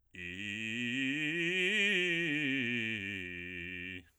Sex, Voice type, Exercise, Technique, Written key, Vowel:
male, bass, scales, fast/articulated forte, F major, i